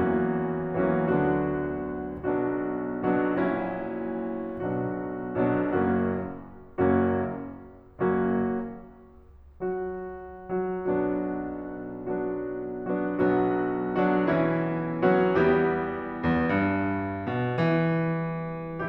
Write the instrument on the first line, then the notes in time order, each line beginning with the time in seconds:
piano
0.00 E2 E3 F#3 A#3 C#4 F#4
0.84 E2 E3 F#3 A#3 C#4 F#4
1.03 D2 D3 F#3 B3 D4 F#4
2.22 B1 B2 F#3 B3 D4 F#4
3.09 B1 B2 F#3 B3 D4 F#4
3.38 A#1 A#2 F#3 C#4 E4 F#4
4.64 B1 B2 F#3 B3 D4 F#4
5.42 B1 B2 F#3 B3 D4 F#4
5.61 F#1 F#2 F#3 A#3 C#4 F#4
6.36 F#1 F#2 F#3 A#3 C#4 F#4
7.37 F#1 F#2 F#3 A#3 C#4 F#4
8.85 F#3 F#4
10.66 F#3 F#4
10.86 B1 B2 F#3 B3 D4 F#4
11.97 F#3 B3 D4 F#4
13.20 F#3 B3 D4 F#4
13.37 B1 F#3 B3 D4 F#4
13.99 F#3 B3 D4 F#4
14.33 E3 B3 C#4 E4
15.03 F#3 B3 D4 F#4
15.36 E2 G3 B3 E4 G4
16.27 E2
16.52 G2
17.30 B2
17.65 E3